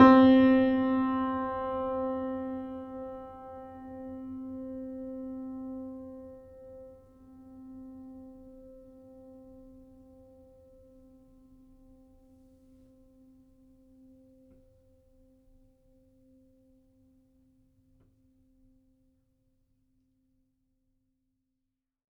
<region> pitch_keycenter=60 lokey=60 hikey=61 volume=-0.388603 lovel=0 hivel=65 locc64=65 hicc64=127 ampeg_attack=0.004000 ampeg_release=0.400000 sample=Chordophones/Zithers/Grand Piano, Steinway B/Sus/Piano_Sus_Close_C4_vl2_rr1.wav